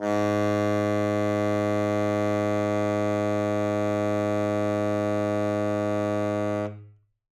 <region> pitch_keycenter=44 lokey=44 hikey=45 volume=11.778965 lovel=84 hivel=127 ampeg_attack=0.004000 ampeg_release=0.500000 sample=Aerophones/Reed Aerophones/Tenor Saxophone/Non-Vibrato/Tenor_NV_Main_G#1_vl3_rr1.wav